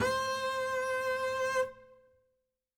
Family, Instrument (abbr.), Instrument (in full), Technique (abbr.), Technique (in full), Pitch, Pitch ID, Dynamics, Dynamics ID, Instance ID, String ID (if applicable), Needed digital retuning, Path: Strings, Cb, Contrabass, ord, ordinario, C5, 72, ff, 4, 0, 1, FALSE, Strings/Contrabass/ordinario/Cb-ord-C5-ff-1c-N.wav